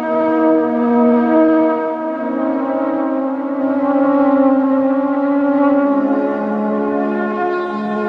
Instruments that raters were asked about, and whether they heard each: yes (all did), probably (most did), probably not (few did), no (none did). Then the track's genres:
trombone: probably not
trumpet: no
clarinet: probably not
Lo-Fi; IDM; Downtempo